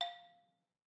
<region> pitch_keycenter=77 lokey=75 hikey=80 volume=19.322213 offset=190 lovel=66 hivel=99 ampeg_attack=0.004000 ampeg_release=30.000000 sample=Idiophones/Struck Idiophones/Balafon/Hard Mallet/EthnicXylo_hardM_F4_vl2_rr1_Mid.wav